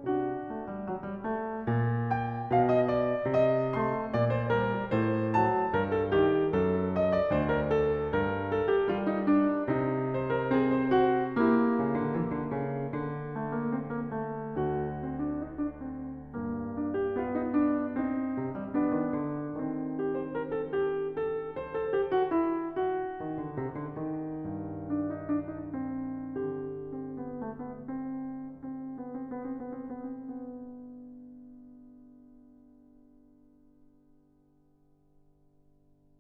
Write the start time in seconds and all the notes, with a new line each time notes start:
0.00 D4 F#4
0.48 A3
0.64 G3
0.81 F3
0.92 G3
1.24 A3
1.64 A#2
2.08 G5
2.54 B2 F5
2.73 D#5
2.94 D5
3.47 C3 D#5
3.76 A3
3.81 C6
4.14 A#2 D5
4.32 C5
4.52 G3 A#4
4.91 A2 C5
5.47 F#3 A5
5.78 G2 A#4
5.98 A4
6.18 D#3 G4
6.55 F#2 A4
7.04 D#5
7.20 D5
7.31 D2 C5
7.50 A#4
7.71 A4
8.13 G2 A#4
8.51 A4
8.68 G4
8.92 G3 F4
9.07 D#4
9.24 D4
9.60 C3 D#4
10.15 C5
10.33 A#4
10.48 C4 G#4
10.74 A#4
10.86 F#4
11.31 A#3 E4 G4
11.78 C#3
11.96 D3
12.23 E3
12.33 D3
12.54 C#3
12.88 D3
13.39 A3
13.58 A#3
13.77 C4
13.90 A#3
14.12 A3
14.68 D2 F#4
15.02 C4
15.20 D4
15.43 D#4
15.59 D4
15.75 C4
16.36 G2 A#3
16.79 D4
16.96 G4
17.21 B3 F4
17.36 D#4
17.60 D4
18.02 C4 D#4
18.44 C3
18.58 G3
18.73 F3 B3 D4
18.94 D#3
19.12 D3
19.60 D#3 C4
20.02 G4
20.14 C5
20.32 A#4
20.62 A4
20.71 G4
21.13 A4
21.59 C5
21.75 A4
21.95 G4
22.15 F#4
22.30 E4
22.80 F#4
23.21 D#3
23.43 D3
23.58 C3
23.78 D3
23.92 D#3
24.51 G2
24.85 D4
25.04 D#4
25.22 D4
25.57 D#4
25.75 C4
26.46 D3 G4
26.96 C4
27.24 B3
27.43 A3
27.60 B3
27.75 C4
28.11 C4
28.24 B3
28.37 C4
28.50 B3
28.61 C4
28.70 B3
28.82 C4
28.98 B3
29.12 C4
29.29 B3
29.43 C4
29.57 B3